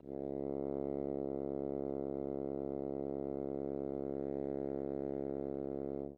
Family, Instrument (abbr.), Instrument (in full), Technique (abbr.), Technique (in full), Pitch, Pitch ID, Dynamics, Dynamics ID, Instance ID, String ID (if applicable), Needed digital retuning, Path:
Brass, Hn, French Horn, ord, ordinario, C#2, 37, ff, 4, 0, , FALSE, Brass/Horn/ordinario/Hn-ord-C#2-ff-N-N.wav